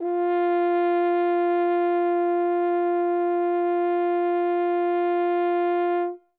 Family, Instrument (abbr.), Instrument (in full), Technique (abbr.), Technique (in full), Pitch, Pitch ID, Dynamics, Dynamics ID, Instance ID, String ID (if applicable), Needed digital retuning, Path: Brass, Hn, French Horn, ord, ordinario, F4, 65, ff, 4, 0, , FALSE, Brass/Horn/ordinario/Hn-ord-F4-ff-N-N.wav